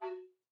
<region> pitch_keycenter=66 lokey=66 hikey=67 tune=0 volume=11.166740 offset=154 ampeg_attack=0.004000 ampeg_release=10.000000 sample=Aerophones/Edge-blown Aerophones/Baroque Tenor Recorder/Staccato/TenRecorder_Stac_F#3_rr1_Main.wav